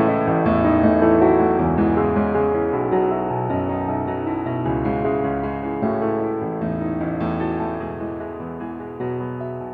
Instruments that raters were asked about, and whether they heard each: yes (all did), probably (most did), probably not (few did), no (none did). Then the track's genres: piano: yes
accordion: no
Classical